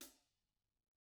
<region> pitch_keycenter=42 lokey=42 hikey=42 volume=36.400292 offset=144 lovel=0 hivel=54 seq_position=1 seq_length=2 ampeg_attack=0.004000 ampeg_release=30.000000 sample=Idiophones/Struck Idiophones/Hi-Hat Cymbal/HiHat_HitC_v1_rr1_Mid.wav